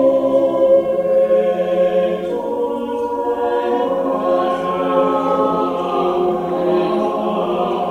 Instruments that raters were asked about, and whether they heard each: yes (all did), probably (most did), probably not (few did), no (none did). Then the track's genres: voice: probably
cymbals: no
mallet percussion: no
guitar: no
Choral Music